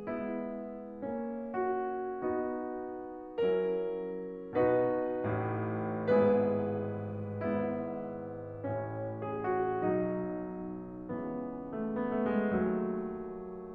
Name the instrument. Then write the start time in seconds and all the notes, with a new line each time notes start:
piano
0.00 G#3 B3 E4
1.03 A#3 C#4
1.57 F#4
2.18 B3 D#4 F#4
3.39 F#3 C#4 E4 A#4
4.70 B2 D#4 F#4 B4
5.41 A2
6.10 B3
6.18 E4
6.27 G#4
6.36 G#2 B4
7.44 G#3 B3 E4
8.65 A2 C#4
9.29 G#4
9.42 F#4
9.81 B2 F#3 D#4
11.10 C#3 E3
11.87 A3
12.03 B3
12.19 A3
12.29 G#3
12.38 D#3 F#3 A3